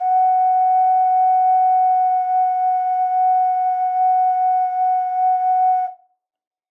<region> pitch_keycenter=78 lokey=78 hikey=79 volume=-2.244453 trigger=attack ampeg_attack=0.004000 ampeg_release=0.100000 sample=Aerophones/Edge-blown Aerophones/Ocarina, Typical/Sustains/Sus/StdOcarina_Sus_F#4.wav